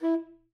<region> pitch_keycenter=64 lokey=64 hikey=65 tune=1 volume=13.623085 lovel=0 hivel=83 ampeg_attack=0.004000 ampeg_release=1.500000 sample=Aerophones/Reed Aerophones/Tenor Saxophone/Staccato/Tenor_Staccato_Main_E3_vl1_rr4.wav